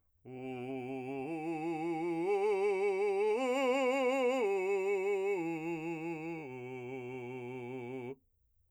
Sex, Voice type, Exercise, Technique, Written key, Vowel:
male, , arpeggios, vibrato, , u